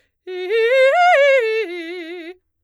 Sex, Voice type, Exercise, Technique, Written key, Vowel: female, soprano, arpeggios, fast/articulated forte, F major, i